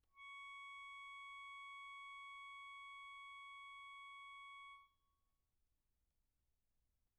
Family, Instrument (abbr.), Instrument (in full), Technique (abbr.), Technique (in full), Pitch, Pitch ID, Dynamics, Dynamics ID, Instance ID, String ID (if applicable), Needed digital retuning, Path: Keyboards, Acc, Accordion, ord, ordinario, C#6, 85, pp, 0, 2, , FALSE, Keyboards/Accordion/ordinario/Acc-ord-C#6-pp-alt2-N.wav